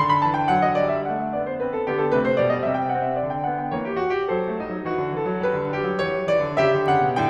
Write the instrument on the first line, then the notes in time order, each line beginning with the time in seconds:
piano
0.00 D3 C6
0.14 B5
0.24 E3 A5
0.35 G5
0.48 F#3 F#5
0.65 D#5
0.75 G3 D5
0.93 E5
1.09 A3 F#5
1.23 E5
1.36 B3 D5
1.45 C5
1.58 C4 B4
1.76 A4
1.88 D3 B3 G4
2.02 A4
2.12 C3 A3 B4
2.30 C5
2.41 B2 G3 D5
2.51 D#5
2.62 B2 E5
2.74 G5
2.90 C4 F#5
3.09 E5
3.20 D3 D5
3.31 G5
3.46 B3 F#5
3.58 G5
3.73 E3 A#3 C#5
3.83 G4
3.96 F#4
4.13 G4
4.24 F#3 A4 C5
4.50 A3
4.62 G3 D#4
4.75 F#3
4.84 E3 F#4
4.96 D3
5.10 E3 A4
5.29 F#3
5.42 G3 B4
5.64 D3
5.74 G3 G4
5.84 F#3
6.00 E3 C#5
6.18 F#3
6.32 E3 D5
6.43 D3
6.62 C#3 G4 E5
6.72 D3
6.88 C#3 F#5
7.04 B2